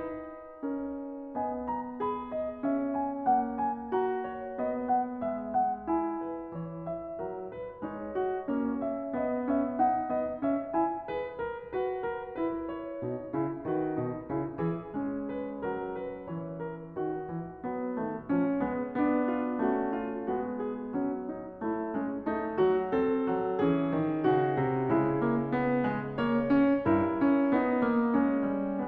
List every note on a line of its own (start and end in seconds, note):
0.00 2.01 D#4
0.00 0.60 B4
0.60 1.38 C#4
0.60 1.38 A#4
1.38 3.26 B3
1.38 2.01 D#5
1.38 1.71 G#5
1.71 2.01 A#5
2.01 2.59 G#4
2.01 2.36 B5
2.36 2.59 D#5
2.59 3.96 C#4
2.59 3.03 E5
3.03 3.26 G#5
3.26 5.27 A#3
3.26 3.61 F#5
3.61 3.96 G#5
3.96 4.61 F#4
3.96 4.25 A#5
4.25 4.61 C#5
4.61 5.90 B3
4.61 4.93 D#5
4.93 5.27 F#5
5.27 6.52 G#3
5.27 5.51 E5
5.51 5.90 F#5
5.90 7.87 E4
5.90 6.20 G#5
6.20 6.52 B4
6.52 7.22 E3
6.52 6.92 C#5
6.92 7.22 E5
7.22 7.87 F#3
7.22 7.58 A#4
7.58 7.87 B4
7.87 8.56 G#3
7.87 8.56 D#4
7.87 8.17 C#5
8.17 8.56 F#4
8.56 9.21 A#3
8.56 9.21 C#4
8.56 8.87 C#5
8.87 9.21 E5
9.21 9.78 B3
9.21 9.46 D#5
9.46 9.78 C#4
9.46 9.78 E5
9.78 10.10 D#4
9.78 10.10 F#5
10.10 10.39 B3
10.10 10.39 D#5
10.39 10.73 C#4
10.39 10.73 E5
10.73 11.10 E4
10.73 11.10 G#5
11.10 11.74 G#4
11.10 11.41 B4
11.41 11.74 A#4
11.74 12.40 F#4
11.74 12.06 B4
12.06 12.40 A#4
12.40 13.01 E4
12.40 12.69 B4
12.69 13.68 C#5
13.01 13.32 B2
13.01 13.32 D#4
13.32 13.68 C#3
13.32 13.68 E4
13.68 13.93 D#3
13.68 13.93 F#4
13.68 14.93 B4
13.93 14.33 B2
13.93 14.33 D#4
14.33 14.59 C#3
14.33 14.59 E4
14.59 14.93 E3
14.59 14.93 G#4
14.93 15.60 G#3
14.93 17.62 C#4
15.35 15.60 B4
15.60 16.27 F#3
15.60 15.99 A#4
15.99 16.27 B4
16.27 16.97 E3
16.27 16.59 C#5
16.59 16.97 A#4
16.97 17.24 D#3
16.97 19.28 F#4
17.24 17.62 E3
17.62 17.98 F#3
17.62 17.98 B3
17.98 18.26 D#3
17.98 18.26 A3
18.26 18.62 F3
18.26 18.62 C#4
18.62 18.97 G#3
18.62 18.97 B3
18.97 19.59 B3
18.97 19.59 D4
19.28 19.59 F4
19.59 20.33 A3
19.59 20.33 C#4
19.59 19.92 F#4
19.92 20.33 F4
20.33 21.00 G#3
20.33 21.66 B3
20.33 20.69 F#4
20.69 21.00 G#4
21.00 23.25 F#3
21.00 21.33 C#4
21.33 21.66 D#4
21.66 21.97 A3
21.66 21.97 E4
21.97 22.30 G#3
21.97 22.30 C#4
22.30 22.59 A3
22.30 22.59 D#4
22.59 22.94 F#3
22.59 22.94 F#4
22.94 23.57 C4
22.94 23.57 A4
23.31 23.58 F#3
23.57 23.87 E3
23.57 24.26 C#4
23.57 24.26 G#4
23.87 24.26 D#3
24.26 24.60 C#3
24.26 24.90 D#4
24.26 24.90 F#4
24.60 25.00 C3
24.90 25.23 G#3
24.90 26.16 E4
25.00 26.85 C#3
25.23 25.52 A#3
25.52 25.84 B3
25.84 26.16 G#3
26.16 26.55 A#3
26.16 26.84 C#5
26.55 26.84 C#4
26.84 27.17 G2
26.84 27.52 E4
26.84 28.86 A#4
27.17 27.53 C#4
27.52 27.84 B3
27.52 28.19 D#4
27.84 28.25 A#3
28.19 28.86 C#4
28.25 28.51 G#3
28.51 28.89 G3
28.86 28.89 B3